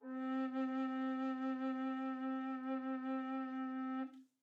<region> pitch_keycenter=60 lokey=60 hikey=61 tune=-2 volume=13.922285 offset=392 ampeg_attack=0.004000 ampeg_release=0.300000 sample=Aerophones/Edge-blown Aerophones/Baroque Bass Recorder/SusVib/BassRecorder_SusVib_C3_rr1_Main.wav